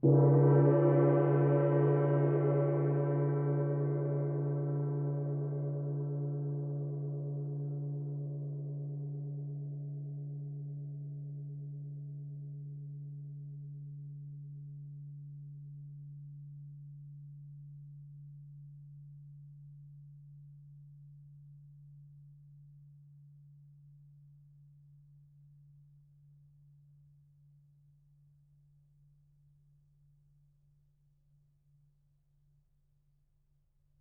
<region> pitch_keycenter=60 lokey=60 hikey=60 volume=6.612755 offset=1082 lovel=55 hivel=83 ampeg_attack=0.004000 ampeg_release=2.000000 sample=Idiophones/Struck Idiophones/Gong 1/gong_mf.wav